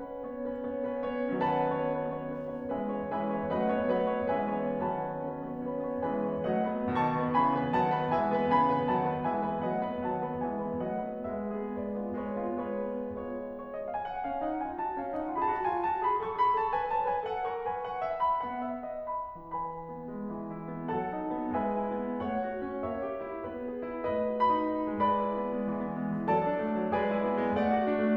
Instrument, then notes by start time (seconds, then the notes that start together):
piano
0.01 C#4 B4
0.27 B3 C#5
0.49 C#4 B4
0.71 B3 C#5
0.90 C#4 B4
1.12 B3 C#5
1.32 D#3 F#3 C#4 B4 F#5 A5
1.61 B3 C#5
1.81 C#4 B4
1.99 B3 C#5
2.27 C#4 B4
2.47 B3 C#5
2.69 E3 G#3 C#4 B4 E5 G#5
2.86 B3 C#5
3.08 E3 G#3 C#4 B4 E5 G#5
3.28 B3 C#5
3.54 F#3 A3 C#4 B4 D#5 F#5
3.74 B3 C#5
3.96 F#3 A3 C#4 B4 D#5 F#5
4.14 B3 C#5
4.31 E3 G#3 C#4 B4 E5 G#5
4.64 B3 C#5
4.84 D#3 F#3 C#4 B4 F#5 A5
5.01 B3 C#5
5.20 C#4 B4
5.45 B3 C#5
5.68 C#4 B4
5.85 B3 C#5
6.05 E3 G#3 C#4 B4 E5 G#5
6.24 B3 C#5
6.46 F#3 A3 D#5 F#5
6.66 B3 B4
6.93 B2 D#3 A5 C#6
7.15 B3 B4
7.37 C#3 E3 G#5 B5
7.58 B3 B4
7.73 D#3 F#3 F#5 A5
7.90 B3 B4
8.09 E3 G#3 E5 G#5
8.31 B3 B4
8.50 C#3 E3 G#5 B5
8.67 B3 B4
8.88 D#3 F#3 F#5 A5
9.05 B3 B4
9.27 E3 G#3 E5 G#5
9.44 B3 B4
9.65 F#3 A3 D#5 F#5
9.86 B3 B4
10.09 D#3 F#3 F#5 A5
10.28 B3 B4
10.48 E3 G#3 E5 G#5
10.69 B3 B4
10.92 F#3 A3 D#5 F#5
11.10 B3 B4
11.38 G#3 B4 E5
11.63 B3 G#4
11.84 G#3 B4 D5
12.02 B3 F4
12.24 G#3 B4 C#5
12.50 B3 F4
12.75 G#3 B4 C#5
12.96 B3 F4
13.17 G#3 B3 F4 C#5
13.42 C#5
13.67 D#5
13.86 F5
14.05 G#5
14.11 F#5
14.24 C#4 F5
14.45 D#4 F#5
14.67 F4 G#5
14.80 F#4 A5
14.97 C#4 F5
15.13 D#4 F#5
15.32 F4 G#5
15.51 G#4 B5
15.56 F#4 A5
15.70 F4 G#5
15.90 F#4 A5
16.05 G#4 B5
16.24 A4 C#6
16.41 G#4 B5
16.60 A4 A5
16.77 B4 G#5
16.98 C#5 A5
17.12 B4 G#5
17.30 A4 F#5
17.49 A#4 C#6
17.66 B4 G#5
17.87 F#5
18.05 E5
18.22 B5
18.44 B3 F#5
18.63 E5
18.81 D#5
19.06 B5
19.36 E3 B4 G#5 B5
19.74 B3
20.02 G#3
20.29 E3
20.57 E4
20.74 B3
20.97 F#3 A4 F#5 A5
21.14 D#4
21.33 B3
21.54 G#3 B4 E5 G#5
21.81 E4
22.01 B3
22.23 A3 C#5 F#5
22.44 F#4
22.62 C#4
22.83 A#3 C#5 E5
23.06 G4
23.21 E4
23.46 B3 B4
23.69 G#4
23.89 E4
24.07 A3 B4 D#5
24.34 F#4
24.47 B5
24.61 D#4
24.96 G#3 B4 D5 B5
25.15 E4
25.33 B3
25.51 G#3
25.68 E3
25.86 B3
26.01 G#3
26.14 E3
26.29 F#3 A4 D5 A5
26.44 D4
26.55 A3
26.74 F#3
26.91 G#3 G#4 B4 D5 G#5
27.08 E4
27.25 B3
27.41 G#3
27.59 A3 D5 F#5
27.74 F#4
27.87 D4
28.00 A3